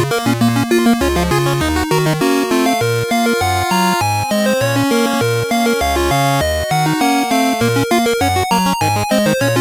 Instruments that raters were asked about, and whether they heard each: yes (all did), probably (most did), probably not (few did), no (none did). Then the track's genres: piano: probably
Chiptune; Chip Music